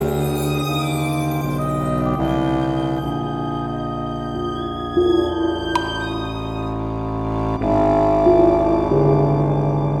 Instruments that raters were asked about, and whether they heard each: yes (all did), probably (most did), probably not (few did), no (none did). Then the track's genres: organ: no
violin: yes
Classical; Soundtrack